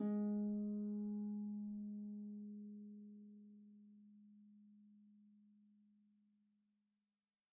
<region> pitch_keycenter=56 lokey=56 hikey=57 tune=-2 volume=16.518966 xfout_lovel=70 xfout_hivel=100 ampeg_attack=0.004000 ampeg_release=30.000000 sample=Chordophones/Composite Chordophones/Folk Harp/Harp_Normal_G#2_v2_RR1.wav